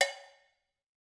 <region> pitch_keycenter=61 lokey=61 hikey=61 volume=1.616052 offset=204 lovel=84 hivel=127 ampeg_attack=0.004000 ampeg_release=15.000000 sample=Idiophones/Struck Idiophones/Cowbells/Cowbell1_Muted_v3_rr1_Mid.wav